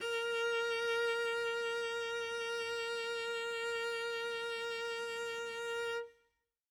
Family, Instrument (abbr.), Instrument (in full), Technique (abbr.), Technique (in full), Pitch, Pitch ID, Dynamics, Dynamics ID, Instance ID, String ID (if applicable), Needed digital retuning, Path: Strings, Vc, Cello, ord, ordinario, A#4, 70, mf, 2, 0, 1, FALSE, Strings/Violoncello/ordinario/Vc-ord-A#4-mf-1c-N.wav